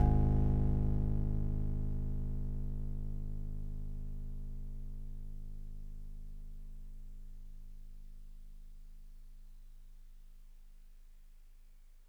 <region> pitch_keycenter=32 lokey=31 hikey=34 tune=-2 volume=10.866365 lovel=66 hivel=99 ampeg_attack=0.004000 ampeg_release=0.100000 sample=Electrophones/TX81Z/FM Piano/FMPiano_G#0_vl2.wav